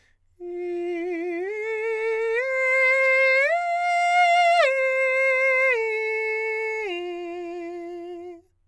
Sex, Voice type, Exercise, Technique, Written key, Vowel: male, countertenor, arpeggios, slow/legato forte, F major, i